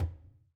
<region> pitch_keycenter=64 lokey=64 hikey=64 volume=17.153744 lovel=66 hivel=99 seq_position=2 seq_length=2 ampeg_attack=0.004000 ampeg_release=15.000000 sample=Membranophones/Struck Membranophones/Conga/Tumba_HitFM_v3_rr2_Sum.wav